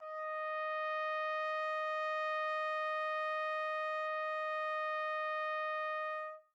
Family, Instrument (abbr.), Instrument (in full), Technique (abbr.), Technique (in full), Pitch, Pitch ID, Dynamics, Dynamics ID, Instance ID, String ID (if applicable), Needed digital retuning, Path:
Brass, TpC, Trumpet in C, ord, ordinario, D#5, 75, mf, 2, 0, , FALSE, Brass/Trumpet_C/ordinario/TpC-ord-D#5-mf-N-N.wav